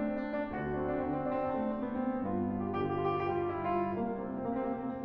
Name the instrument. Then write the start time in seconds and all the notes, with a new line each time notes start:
piano
0.00 A3 C4
0.17 D4
0.29 C4
0.39 D4
0.50 D2 C4 F#4
0.63 D4
0.80 C4
0.92 D4
1.06 D3 C4
1.21 D4
1.31 C4
1.45 D4
1.56 A3 C4
1.70 D4
1.93 C4
2.03 D4
2.24 G2 B3 F4
2.50 G4
2.60 F4
2.76 G4
2.90 D3 F4
3.04 G4
3.16 F4
3.26 G4
3.45 G3 F4
3.60 G4
3.74 F4
3.87 G4
3.98 C2 A#3
4.08 C4
4.26 A#3
4.39 C4
4.52 C3 A#3
4.66 C4
4.77 A#3
4.91 C4